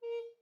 <region> pitch_keycenter=70 lokey=70 hikey=71 tune=-2 volume=17.152645 offset=602 ampeg_attack=0.004000 ampeg_release=10.000000 sample=Aerophones/Edge-blown Aerophones/Baroque Alto Recorder/Staccato/AltRecorder_Stac_A#3_rr1_Main.wav